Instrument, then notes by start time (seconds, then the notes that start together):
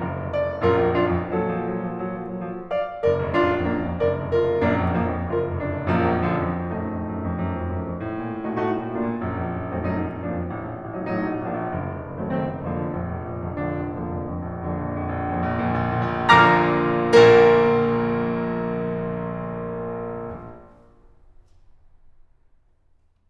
piano
0.00 F#1 F5 A#5
0.14 F1
0.28 F#1 D5 F5
0.44 F1
0.65 A#1 F#2 F4 A#4
0.80 F2
0.95 F#2 D4 F4
1.13 F2
1.28 A#2 F#3 A4 D#5
1.42 F3
1.53 F#3
1.81 F3
1.99 F#3
2.21 F3
2.39 F#3
2.54 F3
2.71 D5 F5
3.03 F#1 A#4 D5
3.24 F1
3.40 A#1 F#2 D4 F4
3.56 F2
3.70 F#2 A#3 D4
3.88 F2
4.05 F#1 A#4 D5
4.21 F1
4.45 F#1 F4 A#4
4.63 F1
4.81 A#1 F#2 A#3 D4
4.96 F2
5.09 F#2 F3 A#3
5.22 F2
5.39 F#1 F4 A#4
5.53 F1
5.68 F#1 D4 F4
5.87 F1
6.04 A#1 F#2 F3 A#3
6.16 F2
6.28 F#2 D3 F3
6.44 F2
6.64 A#1 F#2 A3 D#4
6.87 F2
7.11 F#2
7.27 F2
7.43 F#2
7.56 F2
7.69 F#2
7.85 F2
8.00 A2
8.15 A#2
8.29 A2
8.44 A#2 A3 D#4 F#4
8.57 A2 A3 D#4 F#4
8.71 A#2
8.88 A2 A#3 D4 F4
9.10 A#2
9.26 A#1 F#2
9.43 F2
9.59 F#2
9.74 F2 F#3 A3 C4 D#4
9.90 F#2 F#3 A3 C4 D#4
10.00 F2
10.15 F#2 F3 A#3 D4
10.37 F2
10.50 A1
10.63 A#1
10.80 A1
10.96 A#1 F#3 A3 C4 D#4
11.15 A1 F#3 A3 C4 D#4
11.30 A#1
11.45 A1 F3 A#3 D4
11.60 A#1
11.74 F#1
11.87 F1
12.02 F#1
12.18 F1 D#3 F#3 A3 C4
12.33 F#1 D#3 F#3 A3 C4
12.47 F1
12.65 A#1 F2 D3 F3 A#3
12.85 F1
12.99 A#1 F2
13.18 F1
13.40 A#1 F2
13.60 F1 D3 F3 A#3 D4
13.76 A#1 F2 D3 F3 A#3 D4
13.91 F1
14.08 A#1 F2 D3 F3 A#3
14.25 F1
14.43 F2
14.61 A#1
14.85 F2 D3 F3 A#3 D4
15.02 A#1
15.16 F2
15.35 A#1
15.53 F2 A#2
15.74 A#1
15.98 F2 A#2
16.23 A#1
16.45 F2 A#2
16.70 A#1
16.90 A#2 D3 F3 A#3 A#4 D5 F5 A#5
18.00 A#1 A#2 A#3 A#4